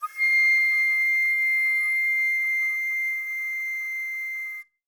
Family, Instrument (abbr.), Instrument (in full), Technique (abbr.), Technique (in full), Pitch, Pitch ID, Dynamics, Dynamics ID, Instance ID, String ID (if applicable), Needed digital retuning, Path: Winds, Fl, Flute, ord, ordinario, C7, 96, mf, 2, 0, , FALSE, Winds/Flute/ordinario/Fl-ord-C7-mf-N-N.wav